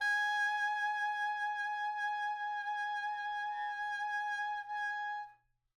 <region> pitch_keycenter=80 lokey=80 hikey=81 volume=19.007297 ampeg_attack=0.004000 ampeg_release=0.500000 sample=Aerophones/Reed Aerophones/Tenor Saxophone/Vibrato/Tenor_Vib_Main_G#4_var3.wav